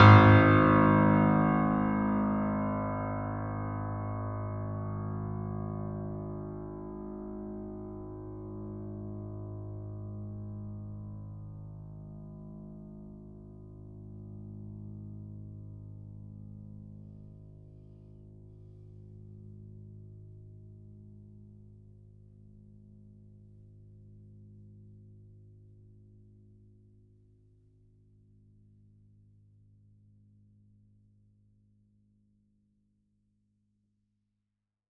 <region> pitch_keycenter=32 lokey=32 hikey=33 volume=0.207836 lovel=100 hivel=127 locc64=65 hicc64=127 ampeg_attack=0.004000 ampeg_release=0.400000 sample=Chordophones/Zithers/Grand Piano, Steinway B/Sus/Piano_Sus_Close_G#1_vl4_rr1.wav